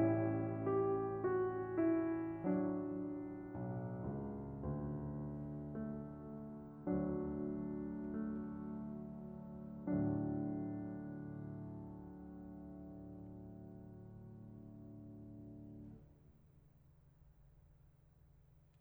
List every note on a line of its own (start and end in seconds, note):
0.00 3.47 A1
0.00 2.39 G3
0.00 2.39 C#4
0.00 0.70 E4
0.71 1.15 G4
1.16 1.76 F#4
1.79 2.39 E4
2.41 5.86 F#3
2.41 6.79 D4
3.48 3.98 B1
4.03 4.59 C#2
4.60 6.79 D2
5.87 6.79 A3
6.80 9.57 D2
6.80 8.16 F#3
6.80 9.57 D4
8.20 9.57 A3
9.59 15.81 D2
9.59 15.81 A2
9.59 15.81 D3
9.59 15.81 F#3
9.59 15.81 D4